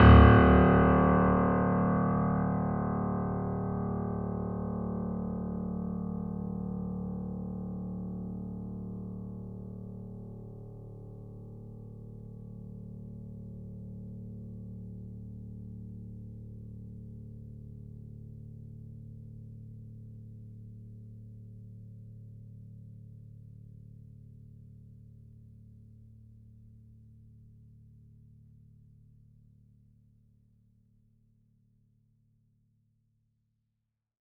<region> pitch_keycenter=26 lokey=26 hikey=27 volume=-0.049155 lovel=0 hivel=65 locc64=65 hicc64=127 ampeg_attack=0.004000 ampeg_release=0.400000 sample=Chordophones/Zithers/Grand Piano, Steinway B/Sus/Piano_Sus_Close_D1_vl2_rr1.wav